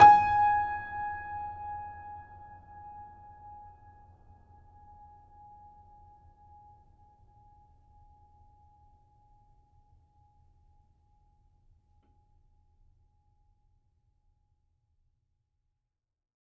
<region> pitch_keycenter=80 lokey=80 hikey=81 volume=-2.410314 offset=650 lovel=66 hivel=99 locc64=65 hicc64=127 ampeg_attack=0.004000 ampeg_release=0.400000 sample=Chordophones/Zithers/Grand Piano, Steinway B/Sus/Piano_Sus_Close_G#5_vl3_rr1.wav